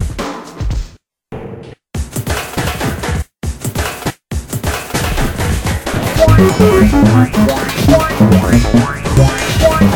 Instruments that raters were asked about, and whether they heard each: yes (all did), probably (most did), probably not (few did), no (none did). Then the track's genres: drums: yes
Electronic; Noise; Experimental